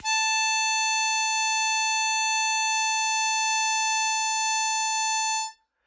<region> pitch_keycenter=81 lokey=80 hikey=82 volume=6.674940 trigger=attack ampeg_attack=0.100000 ampeg_release=0.100000 sample=Aerophones/Free Aerophones/Harmonica-Hohner-Special20-F/Sustains/Accented/Hohner-Special20-F_Accented_A4.wav